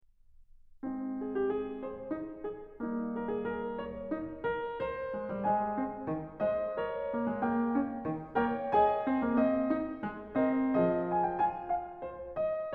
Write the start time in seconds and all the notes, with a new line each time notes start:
0.03 G#3 C4 D#4
1.04 G#4
1.18 G4
1.33 G#4
1.83 C5
2.15 D#4
2.45 G#4
2.84 G3 A#3 D#4
3.15 A#4
3.28 G#4
3.45 A#4
3.77 C#5
4.11 D#4
4.43 A#4
4.85 C5
5.14 G#3
5.29 G3
5.49 G#3 C5 D#5 G#5
5.85 C4
6.13 D#3
6.43 G#3 C5 D#5
6.72 A#4 C#5
7.07 A#3
7.22 G#3
7.38 A#3 G5
7.75 C#4
8.06 D#3
8.36 A#3 A#4 C#5 G5
8.75 G#4 D#5 G#5
9.07 C4
9.24 A#3
9.40 C4 D#5
9.71 D#4
10.03 G#3
10.38 C4 A#4 D#5
10.73 F3 G#3 D#5
11.08 G#5
11.24 G5
11.39 F4 G#5
11.69 F5
12.06 C#5
12.36 D#5